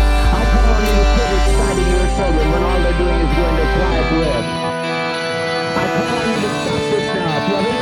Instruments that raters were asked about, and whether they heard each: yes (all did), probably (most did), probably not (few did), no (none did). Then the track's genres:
organ: probably
banjo: no
Ambient Electronic; House; IDM